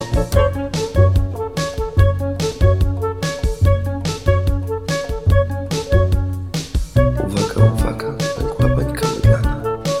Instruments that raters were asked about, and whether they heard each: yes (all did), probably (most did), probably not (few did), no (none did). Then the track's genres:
saxophone: no
flute: probably
clarinet: probably not
Europe